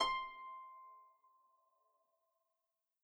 <region> pitch_keycenter=84 lokey=84 hikey=85 tune=-9 volume=9.812976 xfin_lovel=70 xfin_hivel=100 ampeg_attack=0.004000 ampeg_release=30.000000 sample=Chordophones/Composite Chordophones/Folk Harp/Harp_Normal_C5_v3_RR1.wav